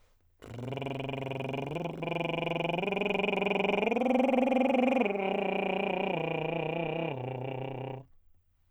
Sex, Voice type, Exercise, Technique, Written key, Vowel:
male, tenor, arpeggios, lip trill, , a